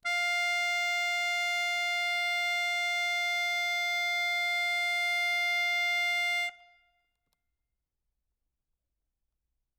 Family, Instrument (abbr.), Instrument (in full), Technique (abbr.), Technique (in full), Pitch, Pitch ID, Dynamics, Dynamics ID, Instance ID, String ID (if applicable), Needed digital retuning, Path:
Keyboards, Acc, Accordion, ord, ordinario, F5, 77, ff, 4, 0, , FALSE, Keyboards/Accordion/ordinario/Acc-ord-F5-ff-N-N.wav